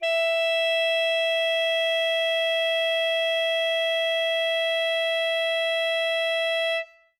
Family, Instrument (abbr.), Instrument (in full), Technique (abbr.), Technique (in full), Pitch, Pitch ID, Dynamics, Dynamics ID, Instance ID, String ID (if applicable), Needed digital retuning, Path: Winds, ASax, Alto Saxophone, ord, ordinario, E5, 76, ff, 4, 0, , FALSE, Winds/Sax_Alto/ordinario/ASax-ord-E5-ff-N-N.wav